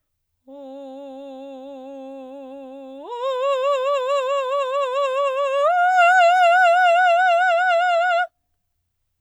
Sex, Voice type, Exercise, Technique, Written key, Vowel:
female, soprano, long tones, full voice forte, , o